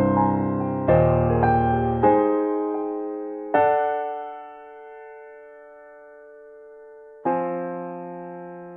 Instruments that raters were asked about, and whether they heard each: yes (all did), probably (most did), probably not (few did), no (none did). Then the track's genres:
piano: yes
Classical